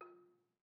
<region> pitch_keycenter=65 lokey=64 hikey=68 volume=22.765673 offset=205 lovel=0 hivel=65 ampeg_attack=0.004000 ampeg_release=30.000000 sample=Idiophones/Struck Idiophones/Balafon/Soft Mallet/EthnicXylo_softM_F3_vl1_rr1_Mid.wav